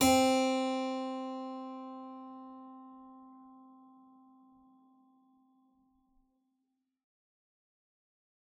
<region> pitch_keycenter=60 lokey=60 hikey=61 volume=-2.336396 offset=171 trigger=attack ampeg_attack=0.004000 ampeg_release=0.350000 amp_veltrack=0 sample=Chordophones/Zithers/Harpsichord, English/Sustains/Normal/ZuckermannKitHarpsi_Normal_Sus_C3_rr1.wav